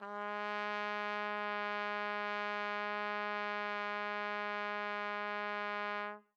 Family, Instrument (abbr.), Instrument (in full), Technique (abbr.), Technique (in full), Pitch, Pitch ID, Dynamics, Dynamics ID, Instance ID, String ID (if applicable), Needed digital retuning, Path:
Brass, TpC, Trumpet in C, ord, ordinario, G#3, 56, mf, 2, 0, , FALSE, Brass/Trumpet_C/ordinario/TpC-ord-G#3-mf-N-N.wav